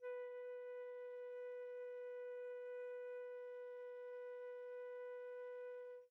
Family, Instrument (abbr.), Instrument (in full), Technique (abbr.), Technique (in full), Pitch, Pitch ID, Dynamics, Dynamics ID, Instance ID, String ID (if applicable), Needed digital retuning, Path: Winds, Fl, Flute, ord, ordinario, B4, 71, pp, 0, 0, , FALSE, Winds/Flute/ordinario/Fl-ord-B4-pp-N-N.wav